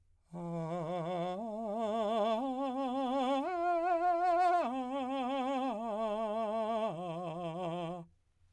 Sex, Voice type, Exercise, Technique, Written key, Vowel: male, , arpeggios, slow/legato piano, F major, a